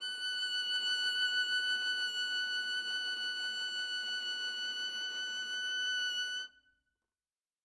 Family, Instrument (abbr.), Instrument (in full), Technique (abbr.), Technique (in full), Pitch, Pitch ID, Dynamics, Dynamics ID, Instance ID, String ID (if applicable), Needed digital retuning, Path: Strings, Va, Viola, ord, ordinario, F#6, 90, ff, 4, 0, 1, FALSE, Strings/Viola/ordinario/Va-ord-F#6-ff-1c-N.wav